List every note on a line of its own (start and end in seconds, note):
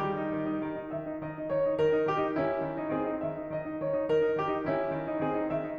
0.00 0.19 D#3
0.00 0.35 G3
0.00 0.35 G4
0.19 0.35 D#4
0.35 0.50 D#3
0.50 0.64 D#4
0.64 0.74 D#3
0.74 0.88 D#4
0.91 1.06 D#3
0.91 1.17 E5
1.07 1.17 D#4
1.18 1.30 D#3
1.18 1.46 D#5
1.31 1.46 D#4
1.47 1.65 D#3
1.47 1.79 C#5
1.66 1.79 D#4
1.79 1.94 D#3
1.79 2.08 A#4
1.94 2.08 D#4
2.08 2.25 D#3
2.08 2.36 G4
2.25 2.36 D#4
2.36 2.62 D#3
2.36 2.93 C#4
2.36 2.77 E4
2.64 2.93 D#3
2.79 2.93 D#4
2.94 3.05 D#3
2.94 3.20 C4
2.94 3.20 G#4
3.07 3.20 D#4
3.22 3.33 D#3
3.22 3.48 E5
3.34 3.48 D#4
3.49 3.66 D#3
3.49 3.78 D#5
3.66 3.78 D#4
3.78 3.94 D#3
3.78 4.10 C#5
3.94 4.10 D#4
4.10 4.24 D#3
4.10 4.40 A#4
4.24 4.40 D#4
4.41 4.50 D#3
4.41 4.68 G4
4.52 4.68 D#4
4.69 4.97 D#3
4.69 5.21 C#4
4.69 5.10 E4
4.98 5.21 D#3
5.11 5.21 D#4
5.21 5.33 D#3
5.21 5.49 C4
5.21 5.49 G#4
5.33 5.49 D#4
5.49 5.62 D#3
5.49 5.78 E5
5.62 5.78 D#4